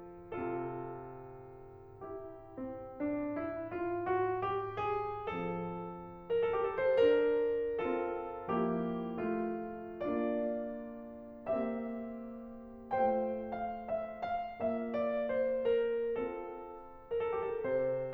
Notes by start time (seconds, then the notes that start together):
0.00 C3 C4 F4 A4
2.03 E4 G4
2.48 C4
2.89 D4
3.41 E4
3.73 F4
4.17 F#4
4.41 G4
4.78 G#4
5.32 F3 C4 A4
6.16 A#4
6.33 A4
6.51 G4
6.69 A4
6.83 D4 C5
7.00 A#4
7.84 C4 F4 A4
8.53 F3 A#3 E4 G4
9.28 A3 F4
10.01 A#3 D4 F4 D5
11.56 A#3 C4 G4 E5
12.92 A3 F4 C5 G5
13.42 F5
13.79 E5
14.26 F5
14.61 A#3 F4 E5
14.92 D5
15.29 C5
15.79 A#4
16.21 C4 F4 A4
17.09 A#4
17.18 A4
17.30 G4
17.53 A4
17.65 C3 C5